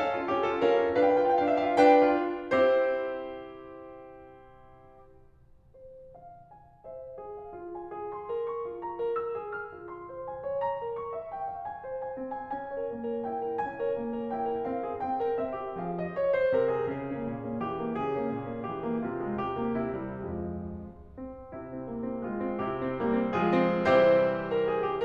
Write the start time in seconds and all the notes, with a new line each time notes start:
0.00 C#4 A4 F5
0.15 F4
0.35 C#4 G4
0.49 F4 A4
0.63 C#4 A#4 F5
0.78 F4
0.98 D4 B4 F5
1.04 G5
1.18 F4 F5
1.29 G5
1.39 D4 F5
1.46 G5
1.59 F4 E5
1.71 F5
1.79 D4 B4 G5
2.15 F4
2.39 C4 E4 G4 C5
5.27 C5
6.16 F5
6.49 G#5
6.83 C5 E5
7.21 G#4
7.37 F5
7.56 F4
7.74 G#5
7.94 G#4
8.16 C6
8.31 A#4
8.56 C#6
8.71 F4
8.85 A#5
9.00 A#4
9.20 E6
9.37 G#4
9.58 F6
9.79 F4
9.94 C6
10.09 C5
10.29 G#5
10.46 C#5
10.63 A#5
10.79 A#4
10.98 C#6
11.17 E5
11.32 G5
11.47 F5
11.67 G#5
11.85 C5
12.07 G#5
12.26 C4
12.41 G#5
12.57 C#4 G#5
12.72 A#4 C#5
12.93 A#3
13.10 A#4 C#5
13.31 E4 G5
13.44 A#4 C#5
13.61 C#4 G#5
13.84 A#4 C#5
13.99 A#3
14.19 A#4 C#5
14.36 E4 G5
14.50 A#4 C#5
14.64 C4 F5
14.79 G#4
14.91 C4 G5
15.09 A#4
15.34 C4 E5
15.58 G4
15.80 F3 G#4 F5
16.00 D#5
16.16 C#5
16.31 C5
16.53 C3 A#4
16.74 G#4
16.89 C#3 G#4
17.07 A#3 C#4
17.22 A#2
17.38 A#3 C#4
17.60 E3 G4
17.83 A#3 C#4
18.00 C#3 G#4
18.17 A#3 C#4
18.37 A#2
18.54 A#3 C#4
18.68 E3 G4
18.85 A#3 C#4
19.02 C3 F4
19.21 G#3
19.37 C3 G4
19.57 A#3
19.80 C3 E4
19.97 G3
20.31 F2 F3 G#3 F4
21.13 C4
21.56 C3 E4
21.90 A#3
22.21 G#3 F4
22.56 C3 E4 G4
22.99 G3 A#3
23.27 F3 G#3 F4 G#4
23.71 C3 E3 G3 C4 E4 G4 C5
24.40 A#4
24.67 G#4
24.88 G4